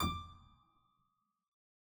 <region> pitch_keycenter=86 lokey=86 hikey=87 volume=2.732660 trigger=attack ampeg_attack=0.004000 ampeg_release=0.350000 amp_veltrack=0 sample=Chordophones/Zithers/Harpsichord, English/Sustains/Lute/ZuckermannKitHarpsi_Lute_Sus_D5_rr1.wav